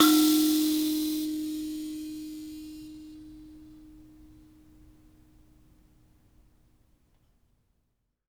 <region> pitch_keycenter=63 lokey=63 hikey=64 volume=0.072496 ampeg_attack=0.004000 ampeg_release=15.000000 sample=Idiophones/Plucked Idiophones/Mbira Mavembe (Gandanga), Zimbabwe, Low G/Mbira5_Normal_MainSpirit_D#3_k7_vl2_rr1.wav